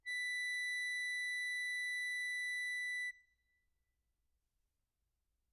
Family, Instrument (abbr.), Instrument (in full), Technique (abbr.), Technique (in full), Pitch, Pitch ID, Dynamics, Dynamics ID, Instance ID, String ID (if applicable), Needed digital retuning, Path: Keyboards, Acc, Accordion, ord, ordinario, B6, 95, mf, 2, 1, , FALSE, Keyboards/Accordion/ordinario/Acc-ord-B6-mf-alt1-N.wav